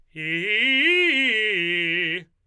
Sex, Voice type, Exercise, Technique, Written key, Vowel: male, tenor, arpeggios, fast/articulated forte, F major, i